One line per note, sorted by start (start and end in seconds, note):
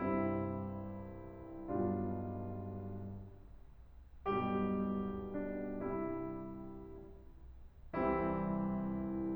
0.00 1.66 C2
0.00 1.66 G2
0.00 1.66 C3
0.00 1.66 G3
0.00 1.66 C4
0.00 1.66 E4
1.67 2.41 B1
1.67 2.41 G2
1.67 2.41 B2
1.67 2.41 G3
1.67 2.41 D4
1.67 2.41 F4
4.26 5.62 B1
4.26 5.62 G2
4.26 5.62 B2
4.26 5.62 G3
4.26 5.32 G4
5.33 5.62 D4
5.63 6.18 C2
5.63 6.18 G2
5.63 6.18 C3
5.63 6.18 G3
5.63 6.18 E4
7.98 9.36 C2
7.98 9.36 C3
7.98 9.36 E3
7.98 9.36 G3
7.98 9.36 C4
7.98 9.36 E4